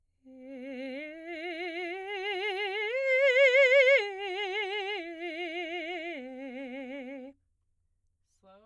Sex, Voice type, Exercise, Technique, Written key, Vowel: female, soprano, arpeggios, slow/legato piano, C major, e